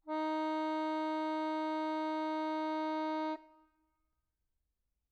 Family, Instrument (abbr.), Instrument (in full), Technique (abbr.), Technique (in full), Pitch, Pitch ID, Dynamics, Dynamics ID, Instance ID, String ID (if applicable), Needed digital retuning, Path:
Keyboards, Acc, Accordion, ord, ordinario, D#4, 63, mf, 2, 0, , FALSE, Keyboards/Accordion/ordinario/Acc-ord-D#4-mf-N-N.wav